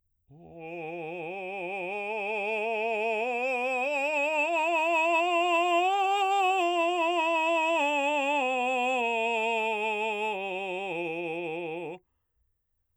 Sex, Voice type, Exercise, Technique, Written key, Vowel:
male, baritone, scales, slow/legato forte, F major, o